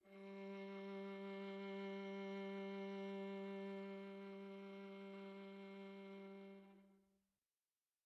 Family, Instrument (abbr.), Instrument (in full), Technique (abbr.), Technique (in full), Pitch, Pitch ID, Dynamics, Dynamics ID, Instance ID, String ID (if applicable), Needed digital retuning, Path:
Strings, Va, Viola, ord, ordinario, G3, 55, pp, 0, 3, 4, TRUE, Strings/Viola/ordinario/Va-ord-G3-pp-4c-T19u.wav